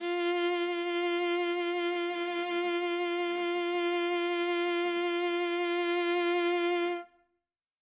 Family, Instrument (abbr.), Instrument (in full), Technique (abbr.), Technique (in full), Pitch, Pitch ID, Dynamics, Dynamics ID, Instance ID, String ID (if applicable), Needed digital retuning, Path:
Strings, Va, Viola, ord, ordinario, F4, 65, ff, 4, 2, 3, FALSE, Strings/Viola/ordinario/Va-ord-F4-ff-3c-N.wav